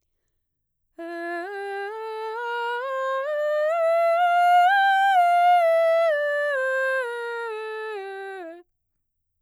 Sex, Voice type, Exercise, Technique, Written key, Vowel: female, mezzo-soprano, scales, slow/legato piano, F major, e